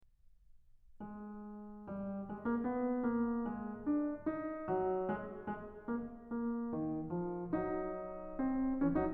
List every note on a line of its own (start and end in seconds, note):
1.07 1.89 G#3
1.89 2.29 G3
2.29 2.41 G#3
2.41 2.59 A#3
2.59 3.04 B3
3.04 3.45 A#3
3.45 3.81 G#3
3.81 4.29 D4
4.29 4.72 D#4
4.72 5.14 F#3
5.14 5.53 G#3
5.53 5.94 G#3
5.94 6.33 A#3
6.33 6.72 A#3
6.72 7.13 D#3
7.13 7.51 F3
7.51 8.76 F#3
7.51 8.38 D#4
8.38 8.76 C4
8.76 8.95 F3
8.76 8.95 C#4
8.95 9.14 F#3
8.95 9.14 D#4